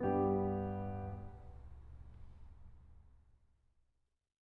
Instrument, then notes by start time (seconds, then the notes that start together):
piano
0.01 G2 G3 B3 G4